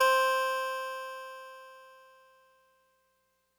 <region> pitch_keycenter=60 lokey=59 hikey=62 volume=6.389145 lovel=100 hivel=127 ampeg_attack=0.004000 ampeg_release=0.100000 sample=Electrophones/TX81Z/Clavisynth/Clavisynth_C3_vl3.wav